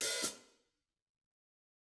<region> pitch_keycenter=45 lokey=45 hikey=45 volume=10.000000 offset=190 ampeg_attack=0.004000 ampeg_release=30.000000 sample=Idiophones/Struck Idiophones/Hi-Hat Cymbal/HiHat_HitOC_rr5_Mid.wav